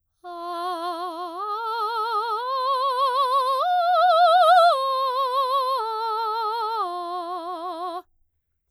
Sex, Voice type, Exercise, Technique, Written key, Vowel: female, soprano, arpeggios, slow/legato piano, F major, a